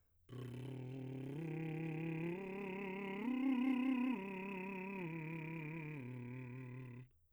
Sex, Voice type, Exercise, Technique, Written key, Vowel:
male, , arpeggios, lip trill, , u